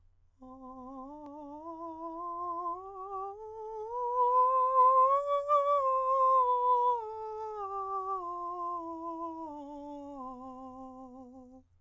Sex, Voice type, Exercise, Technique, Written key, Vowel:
male, countertenor, scales, slow/legato piano, C major, a